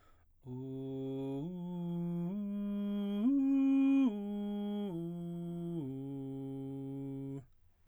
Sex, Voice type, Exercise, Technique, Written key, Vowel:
male, baritone, arpeggios, straight tone, , u